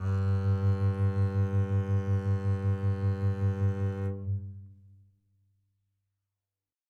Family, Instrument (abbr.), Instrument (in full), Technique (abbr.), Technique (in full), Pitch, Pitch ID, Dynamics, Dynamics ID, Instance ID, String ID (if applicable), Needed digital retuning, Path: Strings, Cb, Contrabass, ord, ordinario, G2, 43, mf, 2, 1, 2, TRUE, Strings/Contrabass/ordinario/Cb-ord-G2-mf-2c-T11d.wav